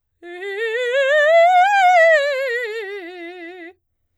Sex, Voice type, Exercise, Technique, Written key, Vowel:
female, soprano, scales, fast/articulated piano, F major, e